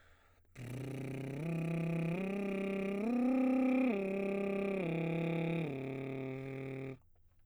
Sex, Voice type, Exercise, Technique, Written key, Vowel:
male, baritone, arpeggios, lip trill, , e